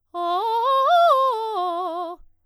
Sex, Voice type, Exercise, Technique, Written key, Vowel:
female, soprano, arpeggios, fast/articulated piano, F major, o